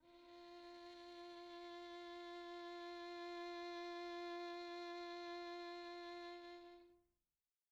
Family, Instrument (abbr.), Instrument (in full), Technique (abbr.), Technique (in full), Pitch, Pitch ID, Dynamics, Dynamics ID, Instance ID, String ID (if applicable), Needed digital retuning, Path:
Strings, Vn, Violin, ord, ordinario, F4, 65, pp, 0, 2, 3, FALSE, Strings/Violin/ordinario/Vn-ord-F4-pp-3c-N.wav